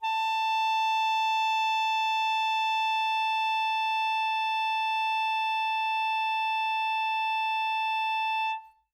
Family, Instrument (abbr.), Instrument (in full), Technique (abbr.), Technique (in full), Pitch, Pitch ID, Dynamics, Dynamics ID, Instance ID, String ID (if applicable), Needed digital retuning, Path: Winds, ASax, Alto Saxophone, ord, ordinario, A5, 81, mf, 2, 0, , FALSE, Winds/Sax_Alto/ordinario/ASax-ord-A5-mf-N-N.wav